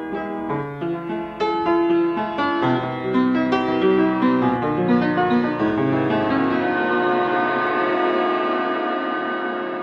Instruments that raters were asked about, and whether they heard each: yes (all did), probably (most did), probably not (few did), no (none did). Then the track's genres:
piano: yes
Folk